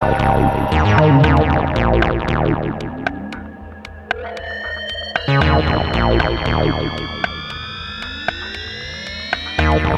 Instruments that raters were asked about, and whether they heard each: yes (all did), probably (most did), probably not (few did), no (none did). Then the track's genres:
synthesizer: yes
Electronic